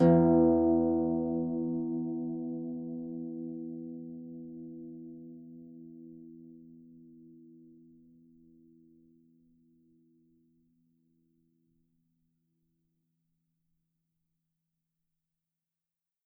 <region> pitch_keycenter=40 lokey=40 hikey=41 tune=-19 volume=1.700473 xfin_lovel=70 xfin_hivel=100 ampeg_attack=0.004000 ampeg_release=30.000000 sample=Chordophones/Composite Chordophones/Folk Harp/Harp_Normal_E1_v3_RR1.wav